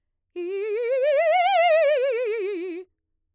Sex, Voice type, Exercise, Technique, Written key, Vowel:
female, mezzo-soprano, scales, fast/articulated piano, F major, i